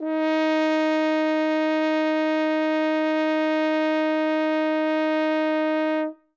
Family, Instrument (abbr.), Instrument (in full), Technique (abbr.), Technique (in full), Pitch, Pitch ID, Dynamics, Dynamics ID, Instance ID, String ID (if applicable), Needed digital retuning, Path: Brass, Hn, French Horn, ord, ordinario, D#4, 63, ff, 4, 0, , FALSE, Brass/Horn/ordinario/Hn-ord-D#4-ff-N-N.wav